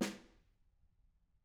<region> pitch_keycenter=61 lokey=61 hikey=61 volume=19.581848 offset=210 lovel=48 hivel=72 seq_position=2 seq_length=2 ampeg_attack=0.004000 ampeg_release=15.000000 sample=Membranophones/Struck Membranophones/Snare Drum, Modern 1/Snare2_HitSN_v5_rr2_Mid.wav